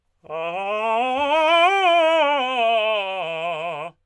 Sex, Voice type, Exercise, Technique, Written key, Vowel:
male, tenor, scales, fast/articulated forte, F major, a